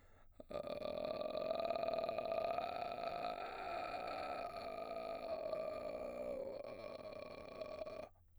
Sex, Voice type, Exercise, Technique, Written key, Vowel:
male, baritone, arpeggios, vocal fry, , a